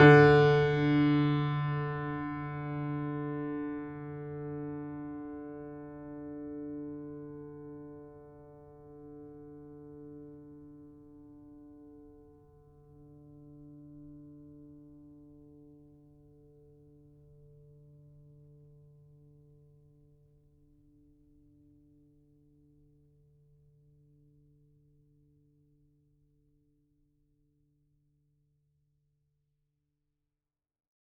<region> pitch_keycenter=50 lokey=50 hikey=51 volume=-0.276997 lovel=66 hivel=99 locc64=65 hicc64=127 ampeg_attack=0.004000 ampeg_release=0.400000 sample=Chordophones/Zithers/Grand Piano, Steinway B/Sus/Piano_Sus_Close_D3_vl3_rr1.wav